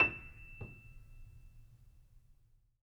<region> pitch_keycenter=100 lokey=100 hikey=101 volume=4.371569 lovel=0 hivel=65 locc64=0 hicc64=64 ampeg_attack=0.004000 ampeg_release=10.000000 sample=Chordophones/Zithers/Grand Piano, Steinway B/NoSus/Piano_NoSus_Close_E7_vl2_rr1.wav